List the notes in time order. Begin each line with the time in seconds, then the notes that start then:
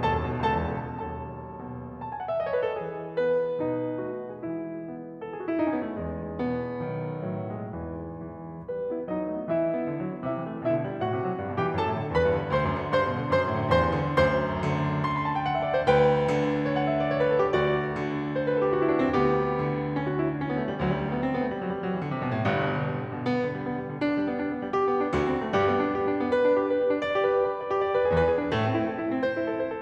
0.00 D#2 A4 A5
0.14 F#2
0.31 B2
0.44 C#2 A4 A5
0.58 E2
0.77 B2
0.94 B1 D#2 A4 A5
1.42 B2
2.03 A5
2.14 G#5
2.22 F#5
2.29 E5
2.37 D#5
2.44 C#5
2.52 B4
2.65 A4
2.83 E3 G#4
3.23 B3 B4
3.68 B2 D#4
4.09 A3 F#4
4.37 G#4
4.47 E3 G#3 E4
4.89 B3
5.22 A4
5.33 G#4
5.42 F#4
5.51 E4
5.58 D#4
5.64 C#4
5.77 B3
5.89 A3
5.99 E2 G#3
6.41 B2 B3
6.82 B1 D#3
7.26 A2 F#3
7.59 G#3
7.69 G#2 B2 E3
8.20 E3
8.66 G3 B4
8.80 B3
8.94 E4
9.06 F#3 D#4 D#5
9.20 A3
9.35 B3
9.49 E3 E4 E5
9.58 G3
9.71 B3
9.82 D3
9.95 F#3
10.08 B3
10.23 C3 E4 E5
10.34 E3
10.51 A3
10.66 B2 E4 E5
10.77 D3
10.89 G3
11.03 A2 F#4 F#5
11.15 C3
11.25 F#3
11.38 G2
11.47 B2
11.53 G4 G5
11.60 E3
11.75 F#2 A4 A5
11.85 A2
12.02 D3
12.14 E2 B4 B5
12.27 G2
12.41 D3
12.56 D2 C5 C6
12.71 F#2
12.88 D3
13.01 G2 C5 C6
13.11 B2
13.27 D3
13.40 F#2 C5 C6
13.53 A2
13.65 D3
13.78 E2 C5 C6
13.93 G2
14.08 D3
14.19 D2 F#2 C5 C6
14.62 D3
15.08 C6
15.20 B5
15.30 A5
15.38 G5
15.49 F#5
15.58 E5
15.67 D5
15.74 C5
15.85 D2 B4 G5
16.27 D3
16.68 C#5
16.78 F#5
16.87 E5
16.97 D5
17.08 C#5
17.17 B4
17.32 A4
17.45 G4
17.54 D2 F#4 D5
17.97 D3
18.37 C5
18.45 B4
18.54 A4
18.65 G4
18.74 F#4
18.85 E4
18.92 D4
18.99 C4
19.10 D2 B3 G4
19.59 D3
19.95 C#4
20.04 F#4
20.14 E4
20.25 D4
20.34 C#4
20.46 B3
20.60 A3
20.69 G3
20.83 D2 F#3
20.93 G3
21.06 A3
21.16 B3
21.26 C4
21.37 B3
21.47 A3
21.57 G3
21.68 F#3
21.75 G3
21.84 F#3
21.93 E3
22.04 D3
22.12 C3
22.20 B2
22.30 A2
22.40 G1 G2
22.52 B2
22.66 D3
22.84 G3
22.98 D3
23.12 B2
23.25 B3
23.39 D3
23.53 G3
23.65 B3
23.75 G3
23.89 D3
24.01 D4
24.15 G3
24.28 B3
24.39 D4
24.54 B3
24.66 G3
24.78 G4
24.90 D4
25.00 B3
25.15 D2 D3 F#4
25.26 C4
25.40 A3
25.54 G2 G3 G4
25.68 B3
25.83 D4
25.96 G4
26.09 D4
26.22 B3
26.35 B4
26.48 D4
26.66 G4
26.76 B4
26.83 G4
26.96 D4
27.10 D5
27.20 G4
27.36 B4
27.49 D5
27.57 B4
27.69 G4
27.81 D5
27.92 B4
28.03 G#4
28.15 E2 E3 B4
28.33 G#4
28.44 D4
28.56 A2 A3 A4
28.69 C4
28.80 E4
28.92 A4
29.04 E4
29.11 C4
29.22 C5
29.36 E4
29.48 A4
29.61 C5
29.70 A4